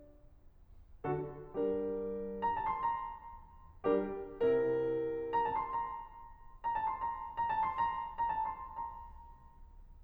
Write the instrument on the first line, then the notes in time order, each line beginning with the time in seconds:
piano
1.05 D3 D4 F#4 A4
1.50 G3 D4 G4 A#4
2.44 A#5
2.55 A5
2.64 C6
2.76 A#5
3.86 G3 D4 G4 A#4
4.32 C3 C4 E4 A#4
5.34 A#5
5.45 A5
5.60 C6
5.70 A#5
6.67 A#5
6.78 A5
6.90 C6
7.02 A#5
7.40 A#5
7.52 A5
7.66 C6
7.76 A#5
8.19 A#5
8.35 A5
8.50 C6
8.64 A#5